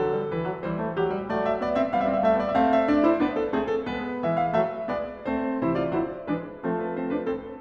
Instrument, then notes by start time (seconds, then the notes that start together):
piano
0.00 D3 F#3 A4
0.15 G3
0.30 E3 B4
0.49 F#3
0.62 E3 G3 C5
0.75 A3
0.93 F#3 G4
1.09 G3
1.27 F#3 A3 D5
1.46 E5
1.60 B3 D5
1.76 C4 E5
1.94 G3 B3 F5
2.02 E5
2.08 C4 F5
2.12 E5
2.17 E5 F5
2.24 A3 F5
2.29 E5
2.38 B3 D5
2.48 E5
2.53 A3 C4 F5
2.71 E5
2.90 D4 D5
3.05 E4 C5
3.24 B3 D4 B4
3.40 A4
3.53 A3 C4 G#4
3.69 A4
3.85 G#3 B3 B4
4.24 E3 G#3 E5
4.41 F5
4.55 F#3 A3 E5
4.88 G#3 B3 D5
5.24 A3 C4 C5
5.62 C3 E3 E4 C5
5.82 F4 D5
5.97 D3 F#3 E4 C5
6.27 E3 G#3 D4 B4
6.61 F3 A3 C4 A4
6.80 B4
6.97 C4 C5
7.14 D4 B4
7.31 C4 A4